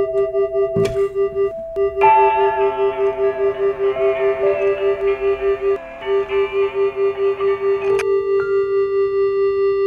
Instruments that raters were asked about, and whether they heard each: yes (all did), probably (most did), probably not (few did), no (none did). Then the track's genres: clarinet: probably not
cello: probably not
Folk